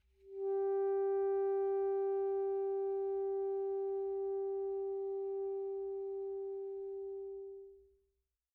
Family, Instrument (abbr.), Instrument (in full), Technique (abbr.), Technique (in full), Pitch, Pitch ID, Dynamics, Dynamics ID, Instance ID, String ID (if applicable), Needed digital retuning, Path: Winds, ASax, Alto Saxophone, ord, ordinario, G4, 67, pp, 0, 0, , FALSE, Winds/Sax_Alto/ordinario/ASax-ord-G4-pp-N-N.wav